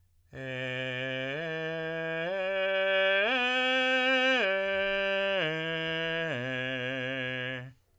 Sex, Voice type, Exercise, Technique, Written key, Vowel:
male, tenor, arpeggios, straight tone, , e